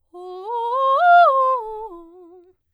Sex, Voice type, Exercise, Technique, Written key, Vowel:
female, soprano, arpeggios, fast/articulated piano, F major, o